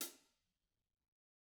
<region> pitch_keycenter=42 lokey=42 hikey=42 volume=28.024771 offset=169 lovel=55 hivel=83 seq_position=2 seq_length=2 ampeg_attack=0.004000 ampeg_release=30.000000 sample=Idiophones/Struck Idiophones/Hi-Hat Cymbal/HiHat_HitC_v2_rr2_Mid.wav